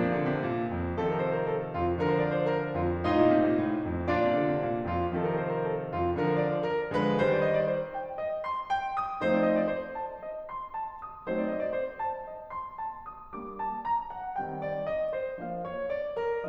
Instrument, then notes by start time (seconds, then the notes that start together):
piano
0.00 A#2 F3 A#3 D4
0.13 C3
0.24 D3
0.34 C3
0.45 A#2
0.68 F2
1.00 C3 D#3 F3 A4
1.15 A#4
1.32 C5
1.44 A#4
1.56 A4
1.76 F2 F4
2.03 D3 F3 A#4
2.16 C5
2.26 D5
2.38 C5
2.50 A#4
2.74 F2 F4
3.08 A2 D#4 F4 D#5
3.19 A#2
3.34 C3
3.47 A#2
3.62 A2
3.84 F2
4.11 A#2 D4 F4 D5
4.21 C3
4.38 D3
4.48 C3
4.60 A#2
4.79 F2 F4
5.17 C3 D#3 F3 A4
5.33 A#4
5.45 C5
5.57 A#4
5.70 A4
5.90 F2 F4
6.23 D3 F3 A#4
6.37 C5
6.46 D5
6.56 C5
6.66 A#4
6.90 D3 F3 G#3 B4
7.16 D#3 G3 C5
7.30 D5
7.49 D#5
7.59 D5
7.69 C5
7.95 G5
8.17 D#5
8.45 C6
8.72 G5
8.97 D#6
9.22 F3 A3 C4 D#4 C5
9.32 D5
9.46 D#5
9.58 D5
9.69 C5
9.94 A5
10.17 D#5
10.51 C6
10.80 A5
11.04 D#6
11.27 F#3 A3 C4 D#4 C5
11.37 D5
11.48 D#5
11.62 D5
11.74 C5
11.98 A5
12.24 D#5
12.50 C6
12.77 A5
13.06 D#6
13.34 G3 A#3 D4 D6
13.55 A5
13.76 A#5
14.09 F#5
14.40 D#3 G3 C4 G5
14.62 D5
14.84 D#5
15.17 C5
15.36 F3 A#3 D4 F5
15.53 C#5
15.73 D5
16.18 A#4